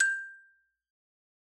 <region> pitch_keycenter=79 lokey=76 hikey=81 volume=6.652552 lovel=0 hivel=83 ampeg_attack=0.004000 ampeg_release=15.000000 sample=Idiophones/Struck Idiophones/Xylophone/Hard Mallets/Xylo_Hard_G5_pp_01_far.wav